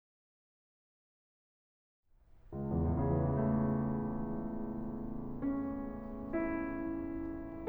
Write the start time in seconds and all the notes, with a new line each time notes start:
2.52 C#2
2.59 E2
2.66 A2
2.74 C#3
2.80 E3
2.91 A3
5.35 C#4
6.49 E4